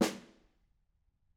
<region> pitch_keycenter=61 lokey=61 hikey=61 volume=12.992527 offset=206 lovel=73 hivel=93 seq_position=1 seq_length=2 ampeg_attack=0.004000 ampeg_release=15.000000 sample=Membranophones/Struck Membranophones/Snare Drum, Modern 1/Snare2_HitSN_v6_rr1_Mid.wav